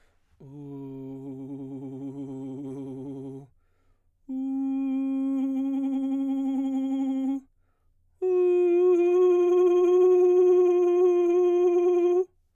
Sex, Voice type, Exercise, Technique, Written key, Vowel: male, baritone, long tones, trillo (goat tone), , u